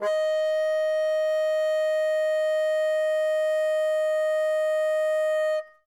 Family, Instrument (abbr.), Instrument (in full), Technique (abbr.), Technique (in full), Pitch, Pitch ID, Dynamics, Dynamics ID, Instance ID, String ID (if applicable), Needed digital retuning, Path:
Winds, Bn, Bassoon, ord, ordinario, D#5, 75, ff, 4, 0, , TRUE, Winds/Bassoon/ordinario/Bn-ord-D#5-ff-N-T14d.wav